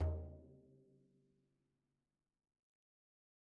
<region> pitch_keycenter=61 lokey=61 hikey=61 volume=29.462923 lovel=0 hivel=83 seq_position=2 seq_length=2 ampeg_attack=0.004000 ampeg_release=15.000000 sample=Membranophones/Struck Membranophones/Frame Drum/HDrumL_Hit_v2_rr2_Sum.wav